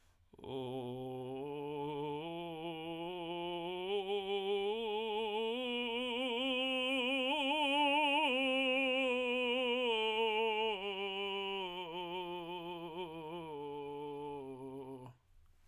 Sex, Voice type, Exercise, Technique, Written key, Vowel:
male, tenor, scales, vocal fry, , o